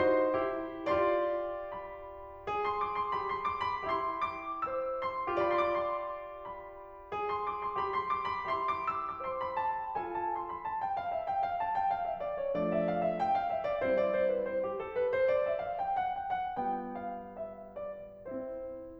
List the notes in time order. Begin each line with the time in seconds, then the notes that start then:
0.00 D#4 F#4 C5 C6
0.42 E4 G4
0.84 F4 G4 D5 C6
1.73 B5
2.46 G#4
2.65 C6
2.82 D6
2.98 C6
3.13 G4 B5
3.34 C6
3.51 D6
3.72 B5
3.87 E4 G4 E5 C6
4.19 D6
4.64 C5 E6
5.06 C6
5.41 F4 G4 B5
5.74 C6
5.97 D6
6.07 C6
6.48 B5
7.19 G#4
7.34 C6
7.51 D6
7.65 C6
7.80 G4 B5
7.91 C6
8.05 D6
8.27 B5
8.46 E4 G4 E5 C6
8.66 D6
8.93 E6
9.14 D6
9.28 C5 C6
9.47 B5
9.61 A5
9.78 G5
9.96 F4 A4 G#5
10.15 A5
10.30 C6
10.46 B5
10.65 A5
10.81 G5
10.95 F5
11.12 E5
11.27 G5
11.51 F5
11.62 A5
11.76 G5
11.96 F5
12.10 E5
12.24 D5
12.38 C#5
12.56 F3 A3 D4 D5
12.70 E5
12.83 F5
12.99 E5
13.12 G5
13.27 F5
13.42 E5
13.62 D5
13.83 G3 C4 E4 C5
13.98 D5
14.12 C5
14.33 B4
14.50 C5
14.66 G4
14.80 A4
14.95 B4
15.10 C5
15.24 D5
15.48 E5
15.64 F5
15.81 G5
15.95 F#5
16.11 G5
16.36 F#5
16.59 G3 B3 F4 G5
16.99 F5
17.36 E5
17.74 D5
18.27 C4 E4 C5